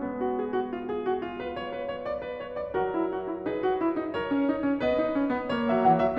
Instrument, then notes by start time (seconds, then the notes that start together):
piano
0.00 G#3 B3
0.19 F#4
0.33 G#4
0.53 F#4
0.71 F4
0.89 G#4
1.08 F#4
1.24 F4
1.39 B4
1.56 C#5
1.73 B4
1.90 C#5
2.05 D5
2.23 B4
2.39 C#5
2.54 D5
2.72 F#3 F#4 A4
2.90 E4
3.04 F#4
3.23 E4
3.40 D#4 G#4 B4
3.63 F#4
3.83 E4
3.99 D#4
4.17 A#4 C#5
4.28 C#4
4.49 D#4
4.68 C#4
4.82 B3 B4 D#5
5.00 D#4
5.15 C#4
5.32 B3
5.51 A3 C#5
5.69 F#3 E5
5.85 E3 F#5
6.03 F#3 E5